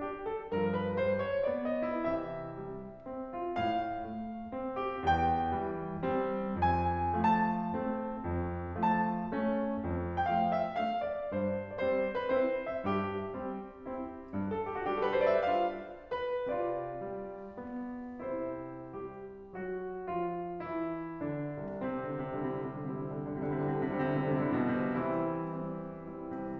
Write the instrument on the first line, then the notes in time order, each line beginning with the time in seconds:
piano
0.00 D4 G4
0.24 A4
0.52 G2 F3 A#4
0.81 B4
1.03 G3 C5
1.22 C#5
1.47 B3 D5
1.72 D#5
2.03 C3 E3 E4
2.18 E5
2.57 G3
3.03 C4
3.40 A2 F4
3.53 F5
4.10 A3
4.53 C4
4.95 E2 G4
5.10 G5
5.60 E3 G3
6.03 G3 C4
6.64 F2 G#5
7.30 F3 A3 A5
7.81 A3 C4
8.29 F2
8.84 F3 A3 A5
9.32 A3 C#4
9.79 F2
10.30 F3 A3 G5
10.34 F5
10.58 E5
10.79 A3 D4 F5
11.08 D5
11.31 G2 C5
11.80 G3 C4 D5
11.85 C5
12.16 B4
12.29 C4 E4 C5
12.70 E5
12.85 G2 G4
13.33 G3 C4
13.86 C4 E4
14.35 G2
14.47 A4
14.65 G4
14.79 F#4
14.88 G3 D4 G4
14.95 A4
15.03 B4
15.10 C5
15.22 D5
15.35 E5
15.52 D4 F4 F5
16.09 B4
16.50 C3 F4 D5
17.03 G3
17.58 B3
18.31 C3 C4 E4 C5
18.97 G3 G4
19.54 F#3 F#4
20.03 F3 F4
20.67 E3 E4
21.25 D3 D4
21.84 C2 C4
21.99 C3
22.12 D3
22.23 C3
22.35 D3 G3 C4 E4
22.42 C3
22.52 D3
22.66 C3
22.78 D3 G3 C4 E4
22.89 C3
23.02 D3
23.13 C3
23.25 D3 G3 C4 E4
23.37 C3
23.46 D3
23.58 C3
23.71 D3 G3 C4 E4
23.86 C3
24.02 D3
24.15 C3
24.31 D3 G3 C4 E4
24.44 C3
24.54 B2
24.71 C3
24.89 E3 G3 C4 E4
25.41 G3 C4 E4
25.90 G3 C4 E4
26.45 C3